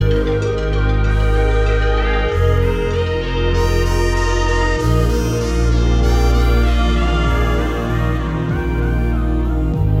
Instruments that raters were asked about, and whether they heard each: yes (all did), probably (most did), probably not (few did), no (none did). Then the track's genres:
trumpet: no
organ: probably not
Electronic; Ambient